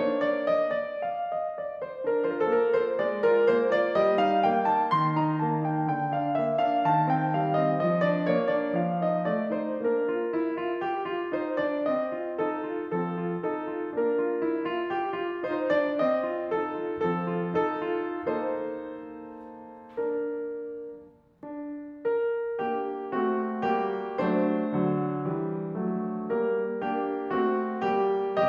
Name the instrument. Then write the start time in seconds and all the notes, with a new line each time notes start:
piano
0.00 A#3 D4 C#5
0.16 D5
0.39 D#5
0.64 D5
1.01 F5
1.30 D#5
1.63 D5
1.82 C5
2.09 D4 A#4
2.30 F4 C5
2.36 A#4
2.43 A4
2.51 A#3 A#4
2.79 F4 C5
3.03 G#3 D5
3.25 F4 A#4
3.52 A#3 C5
3.74 F4 D5
4.01 G3 D#5
4.23 D#4 F5
4.47 A#3 G5
4.66 D#4 A5
4.89 D#3 C6
5.17 D#4 A#5
5.43 A#3 A5
5.64 D#4 G5
5.90 D3 G5
6.14 D4 F5
6.41 A#3 E5
6.65 D4 F5
6.86 C3 A5
7.11 C4 G5
7.36 G3 F5
7.53 C4 D#5
7.74 F3 D#5
8.00 D4 D5
8.32 A#3 C#5
8.58 D4 D5
8.81 F3 F5
9.03 D#4 D#5
9.26 A3 D5
9.49 D#4 C5
9.82 A#3 D4 A#4
10.08 F4
10.30 E4
10.60 F4
10.81 G4
11.11 F4
11.37 D#4 C5
11.59 D4 D5
11.87 C4 D#5
12.16 F4
12.41 D#4 A4
12.69 F4
12.95 F3 C4 A4
13.28 F4
13.51 D#4 A4
13.75 F4
14.00 A#3 D4 A#4
14.22 F4
14.43 E4
14.73 F4
14.93 G4
15.15 F4
15.44 D#4 C5
15.70 D4 D5
15.96 C4 D#5
16.25 F4
16.52 D#4 A4
16.78 F4
17.01 F3 C4 A4
17.30 F4
17.60 D#4 A4
17.91 F4
18.30 A#3 D#4 A4 C5
20.15 D4 A#4
20.87 D4
22.12 A#4
22.67 A#3 D4 G4
23.17 A3 C4 F#4
23.70 G3 A#3 G4
24.20 F#3 A3 D4 C5
24.68 D3 F#3
25.24 E3 G3
25.80 F#3 A3
26.33 G3 A#3 A#4
26.78 A#3 D4 G4
27.34 A3 C4 F#4
27.85 G3 A#3 G4